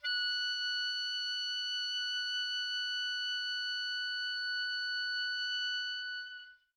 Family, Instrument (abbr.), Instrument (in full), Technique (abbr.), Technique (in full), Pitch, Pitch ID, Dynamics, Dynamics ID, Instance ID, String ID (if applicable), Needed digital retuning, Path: Winds, Ob, Oboe, ord, ordinario, F#6, 90, mf, 2, 0, , TRUE, Winds/Oboe/ordinario/Ob-ord-F#6-mf-N-T12u.wav